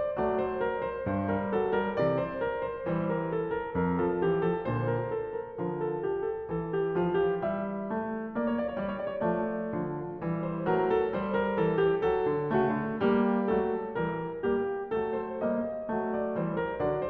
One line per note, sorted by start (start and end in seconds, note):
0.00 0.20 D5
0.08 0.70 A3
0.15 0.77 F#3
0.24 0.45 D5
0.45 0.66 C5
0.66 0.82 A#4
0.82 1.06 C5
1.01 1.94 G2
1.10 1.32 C5
1.16 1.37 G3
1.32 1.61 A#4
1.37 1.66 F#3
1.61 1.83 A4
1.66 1.87 G3
1.83 2.51 E3
1.83 2.04 A#4
1.94 2.60 C3
2.04 2.25 D5
2.25 2.46 C5
2.46 2.75 A#4
2.75 3.34 G3
2.75 2.93 C5
2.86 3.41 E3
2.97 3.13 C5
3.13 3.32 A#4
3.32 3.54 A4
3.54 3.80 A#4
3.73 4.53 F2
3.85 4.05 F3
3.85 4.04 A#4
4.04 4.24 E3
4.04 4.23 A4
4.23 4.46 F3
4.23 4.45 G4
4.45 5.14 D3
4.45 4.64 A4
4.53 5.21 A#2
4.64 4.90 C5
4.90 5.11 A#4
5.11 5.38 A4
5.38 6.08 F3
5.38 5.60 A#4
5.51 6.14 D3
5.68 5.89 A#4
5.89 6.08 A4
6.08 6.27 G4
6.27 6.46 A4
6.36 9.37 E3
6.49 6.73 A4
6.73 7.30 F3
6.73 6.99 G4
6.99 7.30 F4
7.30 7.91 G3
7.30 7.56 G4
7.56 8.35 E5
7.91 8.35 A3
8.35 8.74 A#3
8.54 8.63 C#5
8.63 8.70 D5
8.70 8.78 C#5
8.74 9.22 G3
8.74 8.89 D5
8.88 8.97 C#5
8.97 9.06 D5
9.06 9.15 C#5
9.14 9.22 D5
9.21 9.75 A3
9.21 9.37 C#5
9.35 9.82 F3
9.35 9.49 D5
9.49 9.57 C#5
9.54 10.59 D5
9.75 10.17 F3
9.82 10.24 D3
10.17 10.59 G3
10.24 10.66 E3
10.59 10.98 A3
10.59 10.75 C5
10.66 11.06 F#3
10.75 10.98 A#4
10.98 11.87 G3
10.98 11.23 A4
11.23 11.45 C5
11.45 11.64 A#4
11.53 12.04 E3
11.64 11.87 A4
11.87 12.18 G4
12.04 12.25 F#3
12.18 12.63 A4
12.25 12.49 D3
12.42 12.92 A3
12.49 12.70 C#3
12.63 13.13 F#4
12.70 12.99 D3
12.92 13.50 G3
12.99 13.57 A#3
13.13 13.71 G4
13.50 13.93 F#3
13.57 14.00 A3
13.71 14.13 A4
13.93 14.34 E3
14.00 14.41 G3
14.13 14.54 A#4
14.34 14.74 G3
14.41 14.81 A#3
14.54 14.94 G4
14.74 15.19 F#3
14.81 15.30 A3
14.94 15.19 A4
15.19 15.77 A#3
15.19 15.43 C5
15.30 15.84 G3
15.43 16.15 D#5
15.77 16.15 A3
15.84 16.23 F#3
16.15 16.57 G3
16.15 16.36 D5
16.23 16.64 E3
16.36 16.57 C5
16.57 17.10 F#3
16.57 16.79 A#4
16.64 17.10 D3
16.79 17.10 D5